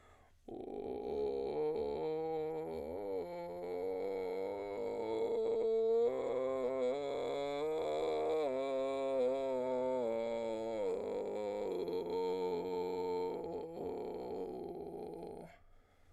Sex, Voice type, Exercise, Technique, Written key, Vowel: male, baritone, scales, vocal fry, , o